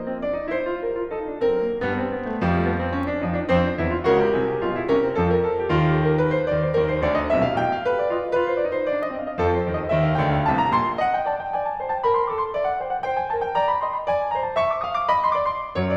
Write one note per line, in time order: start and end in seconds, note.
0.01 1.38 F3
0.01 0.10 A#3
0.01 0.23 D#5
0.10 0.23 C4
0.26 0.41 D4
0.26 0.53 D5
0.41 0.53 D#4
0.53 0.69 E4
0.53 0.86 C5
0.70 0.86 F4
0.86 0.97 G4
0.86 1.11 A#4
0.97 1.11 F4
1.12 1.26 D#4
1.12 1.38 A4
1.26 1.38 D4
1.39 1.75 F#3
1.39 1.53 C4
1.39 1.75 A#4
1.53 1.75 A#3
1.75 2.06 G2
1.75 2.06 G3
1.75 1.90 B3
1.91 2.06 C4
2.06 2.22 B3
2.23 2.40 A3
2.40 3.26 F2
2.40 3.26 F3
2.40 2.55 G3
2.55 2.64 A3
2.65 2.77 B3
2.77 2.93 C4
2.93 3.09 C#4
3.11 3.26 D4
3.26 3.47 F2
3.26 3.47 F3
3.26 3.36 D#4
3.37 3.47 D4
3.47 3.77 F2
3.47 3.77 F3
3.47 3.63 C4
3.47 3.77 C5
3.63 3.77 D4
3.78 4.02 E2
3.78 4.02 E3
3.78 3.88 E4
3.88 4.02 F4
4.03 4.37 C#2
4.03 4.37 C#3
4.03 4.19 F#4
4.03 4.88 A#4
4.19 4.37 G4
4.37 4.63 C2
4.37 4.63 C3
4.37 4.46 G#4
4.48 4.63 G4
4.63 4.88 B1
4.63 4.88 B2
4.63 4.78 F4
4.78 4.88 D#4
4.88 5.11 C2
4.88 5.11 C3
4.88 5.01 C#4
4.88 5.11 A#4
5.01 5.11 C4
5.13 5.49 F2
5.13 5.49 F3
5.13 5.37 A4
5.37 5.49 A#4
5.49 5.60 A4
5.60 5.72 G4
5.72 6.43 D#2
5.72 6.43 D#3
5.72 5.86 F4
5.88 5.96 G4
5.96 6.08 A4
6.08 6.19 A#4
6.21 6.31 B4
6.31 6.43 C5
6.44 6.64 D#2
6.44 6.64 D#3
6.44 6.53 D5
6.53 6.64 C5
6.64 6.95 D#2
6.64 6.95 D#3
6.64 6.74 A#4
6.76 6.95 C5
6.95 7.25 D2
6.95 7.25 D3
6.95 7.05 D5
7.05 7.25 D#5
7.27 7.56 C2
7.27 7.56 C3
7.27 7.40 E5
7.40 7.56 F5
7.58 7.85 A#1
7.58 7.85 A#2
7.58 7.70 G5
7.70 7.85 F5
7.85 8.11 G4
7.85 7.97 B4
7.98 8.11 D5
8.11 8.35 F4
8.11 8.26 D#5
8.27 8.35 F5
8.35 8.60 F4
8.35 8.47 B4
8.47 8.60 C5
8.61 8.85 D#4
8.61 8.72 D5
8.72 8.85 C5
8.85 9.12 D4
8.85 8.99 D5
8.99 9.12 D#5
9.12 9.36 C4
9.12 9.25 F5
9.26 9.36 D#5
9.36 9.68 F2
9.36 9.68 F3
9.36 9.55 A4
9.55 9.68 C5
9.71 9.90 D#2
9.71 9.90 D#3
9.71 9.80 D5
9.80 9.90 D#5
9.92 10.20 D#2
9.92 10.20 D#3
9.92 10.06 E5
10.06 10.20 F5
10.20 10.48 D2
10.20 10.48 D3
10.20 10.36 G5
10.37 10.48 F5
10.48 10.72 C2
10.48 10.72 C3
10.48 10.58 A5
10.59 10.72 A#5
10.72 10.97 A#1
10.72 10.97 A#2
10.72 10.83 C6
10.83 10.97 A#5
10.98 11.29 D#5
10.98 11.08 F#5
11.08 11.29 G5
11.29 11.55 D5
11.29 11.43 A5
11.44 11.55 G5
11.55 11.79 D5
11.55 11.67 G#5
11.69 11.79 A5
11.79 12.05 C5
11.79 11.91 A#5
11.91 12.05 A5
12.06 12.22 A#4
12.06 12.13 B5
12.13 12.22 C6
12.23 12.56 A4
12.23 12.35 D6
12.35 12.56 C6
12.56 12.83 D5
12.56 12.67 E5
12.68 12.83 F#5
12.83 13.06 C5
12.83 12.96 G5
12.96 13.06 F#5
13.06 13.33 C5
13.06 13.19 G5
13.19 13.33 G#5
13.35 13.57 A#4
13.35 13.44 A5
13.44 13.57 G5
13.57 13.82 D5
13.57 13.68 A#5
13.69 13.82 B5
13.82 14.04 D#5
13.82 13.93 C6
13.94 14.04 A#5
14.04 14.30 D5
14.04 14.17 G#5
14.17 14.30 A5
14.31 14.58 C5
14.31 14.44 A#5
14.44 14.58 A5
14.58 14.83 E5
14.58 14.70 C#6
14.70 14.83 D6
14.83 15.10 F5
14.83 14.99 D#6
15.01 15.10 D6
15.10 15.34 D#5
15.10 15.23 B5
15.23 15.34 C6
15.35 15.74 D5
15.35 15.64 D6
15.64 15.74 A#5
15.75 15.97 F#2
15.75 15.97 F#3
15.75 15.85 C#5
15.85 15.97 D5